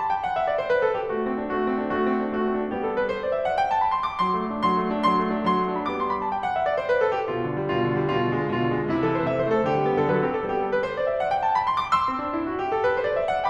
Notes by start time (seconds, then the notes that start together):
0.01 A5
0.15 G5
0.26 F#5
0.35 E5
0.46 D5
0.59 C5
0.70 B4
0.84 A4
1.02 G4
1.18 A3 F#4
1.31 C4
1.42 D4
1.55 A3 F#4
1.70 C4
1.82 D4
1.93 A3 F#4
2.06 C4
2.15 D4
2.32 A3 F#4
2.46 C4
2.58 D4
2.70 G3 B3 G4
2.84 A4
2.95 B4
3.08 C5
3.23 D5
3.36 E5
3.49 F#5
3.62 G5
3.73 A5
3.86 B5
3.99 C6
4.12 D6
4.23 F#3 C6
4.36 A3
4.50 D4
4.64 F#3 C6
4.79 A3
4.96 D4
5.09 F#3 C6
5.21 A3
5.33 D4
5.47 F#3 C6
5.60 A3
5.74 D4
5.88 G3 B3 B5 D6
6.01 C6
6.10 B5
6.23 A5
6.33 G5
6.45 F#5
6.59 E5
6.69 D5
6.80 C5
6.94 B4
7.05 A4
7.17 G4
7.33 B2 F4
7.46 D3
7.62 G3
7.74 B2 F4
7.88 D3
7.99 G3
8.14 B2 F4
8.32 D3
8.45 G#3
8.61 B2 F4
8.71 D3
8.84 G#3
8.96 C3 E4
9.04 E3 A4
9.17 A3 C5
9.27 C3 E5
9.40 E3 C5
9.49 A3 A4
9.62 D3 G4
9.77 G3
9.90 B3
10.04 D3 A4
10.11 B4
10.15 F#3 A4
10.20 B4
10.26 A4
10.30 C4 B4
10.36 G4
10.42 A4
10.48 G3 B3 G4
10.59 A4
10.70 B4
10.83 C5
10.95 D5
11.08 E5
11.21 F#5
11.33 G5
11.45 A5
11.57 B5
11.69 C6
11.81 D6
11.95 C6 E6
12.10 C4
12.24 D4
12.37 E4
12.54 F#4
12.66 G4
12.74 A4
12.86 B4
13.00 C5
13.11 D5
13.24 E5
13.36 F#5